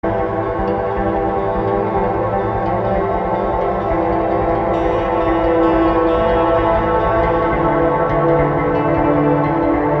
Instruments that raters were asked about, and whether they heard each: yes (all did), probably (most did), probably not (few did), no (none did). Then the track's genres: cello: no
Soundtrack; Drone; Ambient